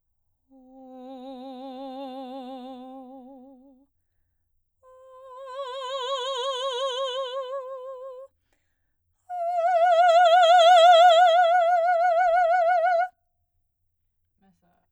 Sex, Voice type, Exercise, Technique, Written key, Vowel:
female, soprano, long tones, messa di voce, , o